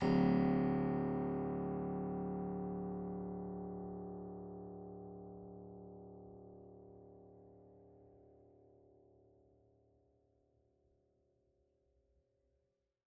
<region> pitch_keycenter=26 lokey=24 hikey=29 volume=4.179046 trigger=attack ampeg_attack=0.004000 ampeg_release=0.400000 amp_veltrack=0 sample=Chordophones/Zithers/Harpsichord, French/Sustains/Harpsi2_Normal_D0_rr1_Main.wav